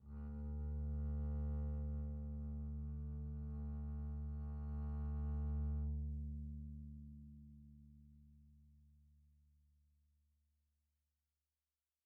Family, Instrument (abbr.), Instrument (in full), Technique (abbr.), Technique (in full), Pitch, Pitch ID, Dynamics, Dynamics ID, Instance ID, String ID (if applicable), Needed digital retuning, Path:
Strings, Cb, Contrabass, ord, ordinario, D2, 38, pp, 0, 1, 2, FALSE, Strings/Contrabass/ordinario/Cb-ord-D2-pp-2c-N.wav